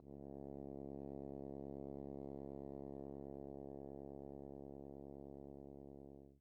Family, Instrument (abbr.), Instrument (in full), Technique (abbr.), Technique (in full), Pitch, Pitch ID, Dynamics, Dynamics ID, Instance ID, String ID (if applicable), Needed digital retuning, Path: Brass, Hn, French Horn, ord, ordinario, C#2, 37, pp, 0, 0, , FALSE, Brass/Horn/ordinario/Hn-ord-C#2-pp-N-N.wav